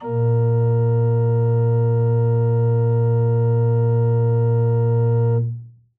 <region> pitch_keycenter=46 lokey=46 hikey=47 volume=2.176338 offset=110 ampeg_attack=0.004000 ampeg_release=0.300000 amp_veltrack=0 sample=Aerophones/Edge-blown Aerophones/Renaissance Organ/Full/RenOrgan_Full_Room_A#1_rr1.wav